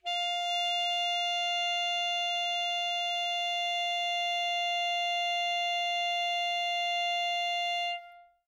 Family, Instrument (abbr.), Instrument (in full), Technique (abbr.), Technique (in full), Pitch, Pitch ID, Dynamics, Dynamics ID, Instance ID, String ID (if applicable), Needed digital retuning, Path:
Winds, ASax, Alto Saxophone, ord, ordinario, F5, 77, mf, 2, 0, , FALSE, Winds/Sax_Alto/ordinario/ASax-ord-F5-mf-N-N.wav